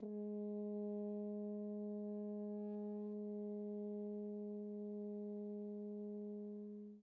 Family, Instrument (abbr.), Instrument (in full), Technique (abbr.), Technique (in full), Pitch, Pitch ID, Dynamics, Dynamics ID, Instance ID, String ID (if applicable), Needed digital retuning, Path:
Brass, Hn, French Horn, ord, ordinario, G#3, 56, pp, 0, 0, , FALSE, Brass/Horn/ordinario/Hn-ord-G#3-pp-N-N.wav